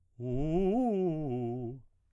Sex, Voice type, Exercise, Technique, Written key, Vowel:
male, baritone, arpeggios, fast/articulated piano, C major, u